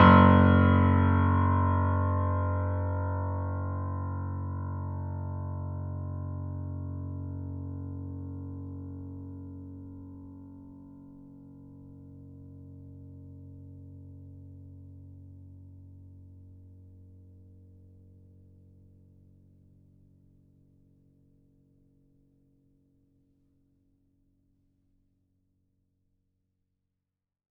<region> pitch_keycenter=30 lokey=30 hikey=31 volume=-0.560368 lovel=100 hivel=127 locc64=0 hicc64=64 ampeg_attack=0.004000 ampeg_release=0.400000 sample=Chordophones/Zithers/Grand Piano, Steinway B/NoSus/Piano_NoSus_Close_F#1_vl4_rr1.wav